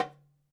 <region> pitch_keycenter=62 lokey=62 hikey=62 volume=0.769320 lovel=84 hivel=127 seq_position=1 seq_length=2 ampeg_attack=0.004000 ampeg_release=30.000000 sample=Membranophones/Struck Membranophones/Darbuka/Darbuka_3_hit_vl2_rr1.wav